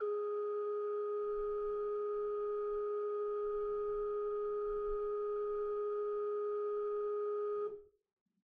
<region> pitch_keycenter=68 lokey=68 hikey=69 ampeg_attack=0.004000 ampeg_release=0.300000 amp_veltrack=0 sample=Aerophones/Edge-blown Aerophones/Renaissance Organ/8'/RenOrgan_8foot_Room_G#3_rr1.wav